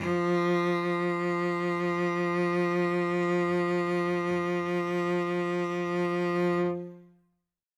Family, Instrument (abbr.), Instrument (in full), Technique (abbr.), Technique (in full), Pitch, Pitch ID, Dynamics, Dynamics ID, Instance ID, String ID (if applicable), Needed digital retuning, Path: Strings, Vc, Cello, ord, ordinario, F3, 53, ff, 4, 1, 2, TRUE, Strings/Violoncello/ordinario/Vc-ord-F3-ff-2c-T17d.wav